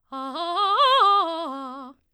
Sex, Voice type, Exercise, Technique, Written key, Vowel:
female, soprano, arpeggios, fast/articulated forte, C major, a